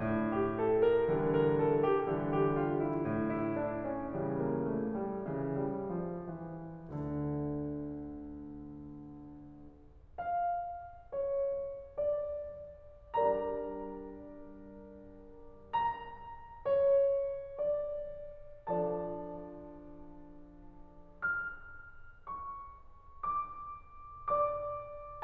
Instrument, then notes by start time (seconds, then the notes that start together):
piano
0.00 A2
0.34 G4
0.52 A4
0.80 A#4
1.08 D3 E3 G3
1.28 A#4
1.45 A4
1.82 G4
2.08 D3 E3 G3
2.33 G4
2.57 F4
2.80 E4
3.01 A2
3.24 E4
3.58 D4
3.82 C#4
4.06 C#3 E3 G3
4.39 A#3
4.73 A3
4.99 G3
5.26 C#3 E3
5.70 G3
5.97 F3
6.25 E3
6.68 D2 D3
10.19 F5
11.15 C#5
11.98 D5
13.06 G3 D4 G4 A#4 D5 A#5
15.70 A#5
16.59 C#5
17.39 D5
18.62 F3 D4 F4 A4 D5 A5
21.14 F6
22.27 C#6
23.23 D6
24.29 D5 D6